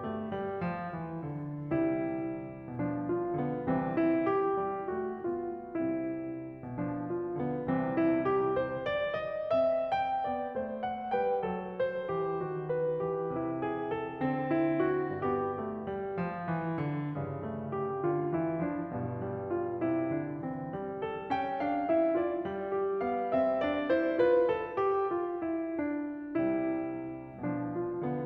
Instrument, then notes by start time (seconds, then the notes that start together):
piano
0.00 A3
0.30 G3
0.62 F3
0.95 E3
1.27 D3
1.73 C2 C3 G3 E4
2.71 B2 F3 D4
3.08 F4
3.42 D3 B3
3.72 C2 C3 E3 C4
3.99 E4
4.28 G4
4.57 G3
4.92 A3 F#4
5.22 B3 F4
5.67 C2 C3 G3 C4 E4
6.68 B2 F3 D4
6.97 F4
7.35 D3 B3
7.65 C2 C3 E3 C4
7.98 E4
8.24 G4
8.56 C5
8.88 D5
9.23 D#5
9.54 C4 E5
9.91 G5
10.29 B3 D5
10.55 A3 C5
10.86 F#5
11.16 G3 B4 G5
11.45 F#3 A4
11.77 C5
12.10 E3 G4
12.34 D#3 F#4
12.68 B4
12.97 E3 G4
13.29 C3 E4
13.60 G#4
13.90 A4
14.20 D3 C4
14.51 E4
14.88 F#4
15.23 G2 B3 G4
15.55 A3
15.85 G3
16.17 F3
16.47 E3
16.79 D3
17.10 G2 C#3
17.41 A3
17.73 G4
18.03 D3 F4
18.31 E3 E4
18.62 F3 D4
18.92 G2 B2
19.21 G3
19.50 F4
19.81 C3 E4
20.14 D3 D4
20.46 E3 C4
20.75 G3
21.03 A4
21.32 C#4 G5
21.63 D4 F5
21.90 E4 E5
22.20 F4 D5
22.47 G3
22.74 G4
23.03 B3 F5
23.32 C4 E5
23.68 D4 D5
23.88 E4 C5
24.20 G3 F4 B4
24.52 A4
24.85 G4
25.15 F4
25.43 E4
25.80 D4
26.30 C2 C3 G3 E4
27.31 B2 F3 D4
27.60 F4
27.95 D3 B3